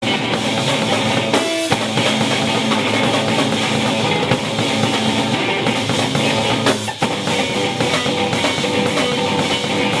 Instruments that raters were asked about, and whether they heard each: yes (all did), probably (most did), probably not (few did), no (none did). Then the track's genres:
drums: yes
organ: no
synthesizer: no
trombone: no
Loud-Rock; Experimental Pop